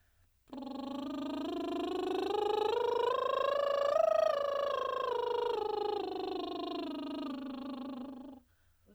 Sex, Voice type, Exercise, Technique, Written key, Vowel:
female, soprano, scales, lip trill, , i